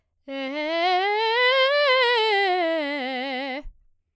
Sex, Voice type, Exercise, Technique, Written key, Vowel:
female, soprano, scales, fast/articulated forte, C major, e